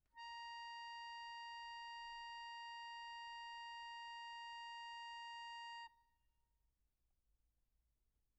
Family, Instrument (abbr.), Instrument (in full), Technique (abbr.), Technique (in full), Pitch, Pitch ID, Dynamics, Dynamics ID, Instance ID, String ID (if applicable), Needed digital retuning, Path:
Keyboards, Acc, Accordion, ord, ordinario, A#5, 82, pp, 0, 1, , FALSE, Keyboards/Accordion/ordinario/Acc-ord-A#5-pp-alt1-N.wav